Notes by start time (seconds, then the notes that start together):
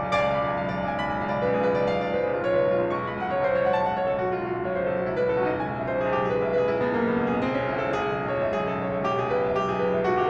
0.00 B1 D5 F5 G#5 D6
0.08 C#2
0.21 B1 B5
0.35 C#2 G#5
0.50 B1 F5
0.57 C#2
0.67 B1 D5
0.73 C#2 F5
0.79 B1
0.86 C#2 G#5
0.93 B1 B5
1.00 C#2
1.07 B1 G#5
1.18 C#2 F5
1.24 B1
1.31 C#2 D5
1.37 B1 B4
1.45 C#2
1.52 B1 G#4
1.59 C#2 B4
1.65 B1
1.73 C#2 D5
1.82 B1 F5
1.89 C#2
1.95 B1 D5
2.03 C#2
2.08 B4
2.12 B1
2.19 C#2 G#4
2.31 B1
2.36 C#2 F4
2.46 B1 C#5
2.53 C#2 B4
2.61 B1
2.73 C#2 G#4
2.81 B1 F4
2.86 C#2
2.93 B1 C#6
3.00 C#2 A5
3.09 B1
3.15 C#2 F#5
3.22 B1 C#5
3.29 C#2
3.37 B1 C5
3.44 C#2 C#5
3.51 B1
3.58 C#2 F#5
3.67 B1
3.73 C#2 A5
3.82 B1 F#5
3.88 C#2
3.92 C#5
3.97 B1
4.04 C#2 A4
4.13 B1 F#4
4.18 C#2
4.25 B1 F4
4.32 C#2 F#4
4.41 B1
4.48 C#2 A4
4.54 B1
4.60 C#2 C#5
4.75 B1 C5
4.82 C#2
4.88 B1 A4
4.98 C#2 F#4
5.05 B1 E4
5.12 C#2
5.19 B1 B4
5.26 C#2 A4
5.32 B1
5.40 C#2 F#4
5.46 B1 D#4
5.55 C#2
5.62 B1 G#5
5.71 C#2 E5
5.78 B1
5.86 C#2 B4
5.93 B1 G#4
6.00 C#2
6.06 B1 G4
6.13 C#2
6.18 B1 G#4
6.30 C#2 B4
6.39 B1
6.43 C#2 E5
6.52 B1 B4
6.58 C#2 G#4
6.64 B1
6.70 C#2 E4
6.80 B1
6.85 C#2 B3
6.93 B1 A#3
7.00 C#2
7.07 B3
7.12 B1
7.17 C#2 E4
7.28 B1 G#4
7.36 C#2
7.42 B1 C4
7.48 C#2 C#4
7.55 B1
7.65 C#2 E4
7.78 B1 A4
7.84 C#2
7.92 B1 G#4
8.00 C#2 A4
8.14 B1
8.20 C#2 C#5
8.34 B1 E5
8.41 C#2
8.48 B1 G#4
8.58 C#2
8.63 A4
8.70 B1
8.78 C#2 C#5
8.86 B1
8.92 E5
8.96 C#2
9.06 B1 G4
9.15 C#2 G#4
9.23 B1
9.31 C#2 B4
9.42 B1 E5
9.47 C#2
9.54 B1 G4
9.61 C#2
9.66 B1 G#4
9.79 C#2 B4
9.89 B1 E5
9.96 C#2
10.04 B1 F#4
10.15 C#2 G4
10.23 B1